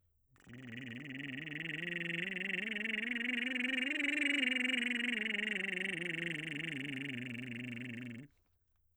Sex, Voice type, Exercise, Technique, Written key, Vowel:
male, baritone, scales, lip trill, , i